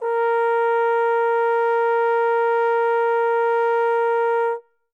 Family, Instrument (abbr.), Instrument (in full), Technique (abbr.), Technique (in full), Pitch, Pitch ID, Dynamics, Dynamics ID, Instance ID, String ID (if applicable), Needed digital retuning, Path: Brass, Tbn, Trombone, ord, ordinario, A#4, 70, mf, 2, 0, , FALSE, Brass/Trombone/ordinario/Tbn-ord-A#4-mf-N-N.wav